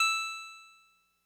<region> pitch_keycenter=76 lokey=75 hikey=78 tune=-1 volume=6.910574 lovel=100 hivel=127 ampeg_attack=0.004000 ampeg_release=0.100000 sample=Electrophones/TX81Z/Clavisynth/Clavisynth_E4_vl3.wav